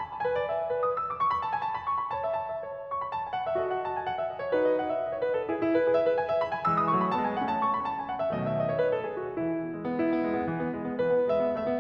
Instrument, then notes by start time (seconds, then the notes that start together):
piano
0.00 B5
0.10 A5
0.23 B4 G#5
0.36 D5
0.49 E5
0.62 D5
0.73 B4
0.86 D#6
0.96 E6
1.09 D6
1.17 C#6
1.30 B5
1.43 A5
1.53 G#5
1.61 A5
1.74 B5
1.85 C#6
1.99 B5
2.10 C#5 A5
2.25 E5
2.39 A5
2.55 E5
2.68 C#5
2.94 C#6
3.04 B5
3.15 A5
3.25 G#5
3.34 F#5
3.45 E5
3.58 F#4 A4 D#5
3.70 F#5
3.83 A5
3.96 G#5
4.09 F#5
4.18 E5
4.31 D#5
4.41 C#5
4.53 D#4 F#4 B4
4.64 D#5
4.78 F#5
4.91 E5
5.04 D#5
5.13 C#5
5.26 B4
5.38 A4
5.50 E4 G#4
5.58 E4
5.70 B4
5.83 G#4
5.96 E5
6.08 B4
6.19 G#5
6.33 E5
6.46 B5
6.56 G#5
6.69 E3 G#3 E6
6.77 D#6
6.88 F#3 A3 C#6
7.01 B5
7.13 G#3 B3 A5
7.28 G#5
7.41 A3 C#4 F#5
7.51 A5
7.65 C#6
7.78 B5
7.88 A5
8.00 G#5
8.10 F#5
8.21 E5
8.34 B2 D#3 F#3 A3 D#5
8.49 E5
8.59 D#5
8.70 C#5
8.80 B4
8.92 A4
9.16 G#4
9.29 F#4
9.37 E3 E4
9.47 B3
9.64 G#3
9.75 B3
9.97 E4
10.11 B3
10.26 G#3
10.38 B3
10.51 E3
10.60 B3
10.72 G#3
10.83 B3
10.98 E3 B4
11.12 B3
11.31 G#3 E5
11.41 B3
11.53 A3 E5
11.69 B3